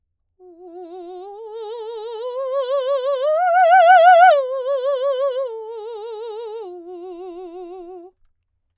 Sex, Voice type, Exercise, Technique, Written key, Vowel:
female, soprano, arpeggios, slow/legato piano, F major, u